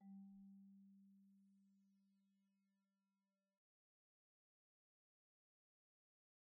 <region> pitch_keycenter=55 lokey=52 hikey=57 volume=39.603034 offset=121 xfout_lovel=0 xfout_hivel=83 ampeg_attack=0.004000 ampeg_release=15.000000 sample=Idiophones/Struck Idiophones/Marimba/Marimba_hit_Outrigger_G2_soft_01.wav